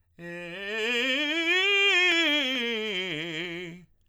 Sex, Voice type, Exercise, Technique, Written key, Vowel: male, tenor, scales, fast/articulated piano, F major, e